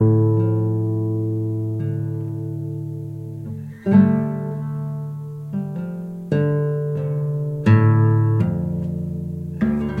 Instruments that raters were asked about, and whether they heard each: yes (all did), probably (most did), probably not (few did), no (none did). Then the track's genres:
drums: no
saxophone: no
cymbals: no
bass: probably
Classical; Folk; Instrumental